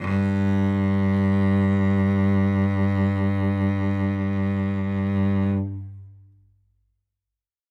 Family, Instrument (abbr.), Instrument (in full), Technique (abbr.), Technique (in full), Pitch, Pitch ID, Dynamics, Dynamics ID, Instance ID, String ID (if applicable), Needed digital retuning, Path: Strings, Vc, Cello, ord, ordinario, G2, 43, ff, 4, 3, 4, FALSE, Strings/Violoncello/ordinario/Vc-ord-G2-ff-4c-N.wav